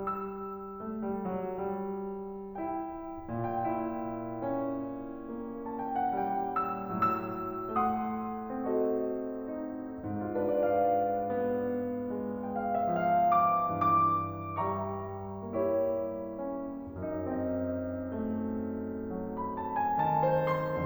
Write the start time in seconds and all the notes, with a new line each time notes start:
0.03 G3 E6
0.84 A3
1.07 G3
1.27 F#3
1.59 G3
2.58 E4 G5
3.32 A#2 G5
3.72 E4
4.42 C#4
5.26 A#3
5.78 A5
5.90 G5
6.03 F#5
6.23 G3 G5
6.57 E6
6.94 A2 F#3 E6
7.87 A3 F#5 C6 D#6
8.65 C4 F#4 A4 D#5
9.50 D#4
10.21 G2 F4
10.37 D4 B4
10.52 D5
10.79 F5
11.13 B3
12.13 G#3
12.47 G5
12.56 F5
12.78 E5
12.98 F3 F5
13.29 D6
13.72 G2 E3 D6
14.62 G3 E5 G5 A#5 C#6
15.49 A#3 E4 G4 C#5
16.39 C#4
17.07 F2 D4
17.52 C4 D#5
18.12 A3
18.99 F#3
19.47 B5
19.68 A5
19.77 G#5
20.03 D#3 A5
20.28 C5
20.56 C6